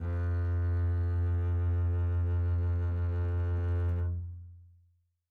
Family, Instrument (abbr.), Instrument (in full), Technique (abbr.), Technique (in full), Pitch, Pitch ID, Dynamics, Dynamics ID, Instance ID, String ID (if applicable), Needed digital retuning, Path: Strings, Cb, Contrabass, ord, ordinario, F2, 41, mf, 2, 3, 4, FALSE, Strings/Contrabass/ordinario/Cb-ord-F2-mf-4c-N.wav